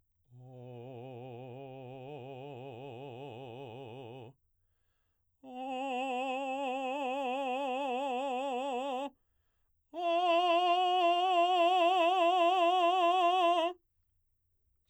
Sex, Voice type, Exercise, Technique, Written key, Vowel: male, baritone, long tones, trill (upper semitone), , o